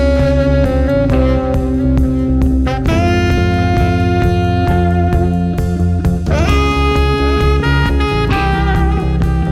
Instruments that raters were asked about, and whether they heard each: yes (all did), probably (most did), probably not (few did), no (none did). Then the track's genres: saxophone: yes
Rock; Post-Rock; Post-Punk